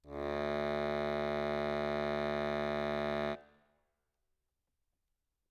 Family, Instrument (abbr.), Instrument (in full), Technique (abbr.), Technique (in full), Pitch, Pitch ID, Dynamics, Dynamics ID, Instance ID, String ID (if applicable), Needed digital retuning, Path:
Keyboards, Acc, Accordion, ord, ordinario, D2, 38, ff, 4, 0, , TRUE, Keyboards/Accordion/ordinario/Acc-ord-D2-ff-N-T15u.wav